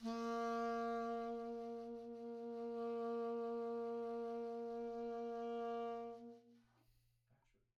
<region> pitch_keycenter=58 lokey=57 hikey=59 tune=4 volume=22.455735 offset=1901 ampeg_attack=0.004000 ampeg_release=0.500000 sample=Aerophones/Reed Aerophones/Tenor Saxophone/Vibrato/Tenor_Vib_Main_A#2_var4.wav